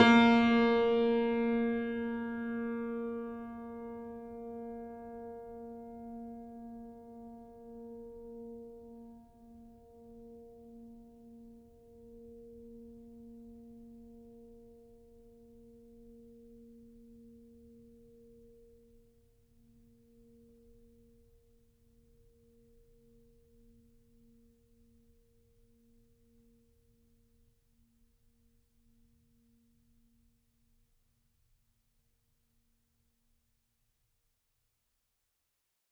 <region> pitch_keycenter=58 lokey=58 hikey=59 volume=0.064097 lovel=66 hivel=99 locc64=65 hicc64=127 ampeg_attack=0.004000 ampeg_release=0.400000 sample=Chordophones/Zithers/Grand Piano, Steinway B/Sus/Piano_Sus_Close_A#3_vl3_rr1.wav